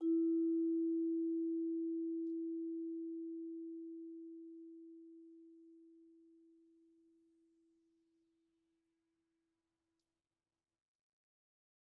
<region> pitch_keycenter=64 lokey=63 hikey=65 volume=14.311331 offset=152 lovel=0 hivel=83 ampeg_attack=0.004000 ampeg_release=15.000000 sample=Idiophones/Struck Idiophones/Vibraphone/Soft Mallets/Vibes_soft_E3_v1_rr2_Main.wav